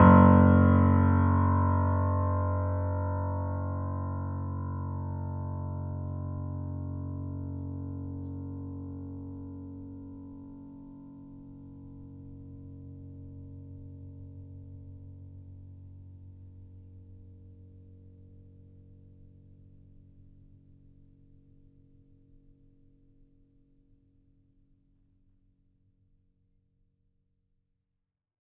<region> pitch_keycenter=30 lokey=30 hikey=31 volume=-0.870828 lovel=66 hivel=99 locc64=0 hicc64=64 ampeg_attack=0.004000 ampeg_release=0.400000 sample=Chordophones/Zithers/Grand Piano, Steinway B/NoSus/Piano_NoSus_Close_F#1_vl3_rr1.wav